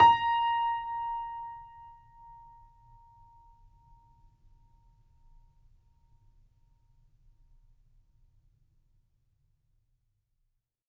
<region> pitch_keycenter=82 lokey=82 hikey=83 volume=-0.233153 lovel=66 hivel=99 locc64=0 hicc64=64 ampeg_attack=0.004000 ampeg_release=0.400000 sample=Chordophones/Zithers/Grand Piano, Steinway B/NoSus/Piano_NoSus_Close_A#5_vl3_rr1.wav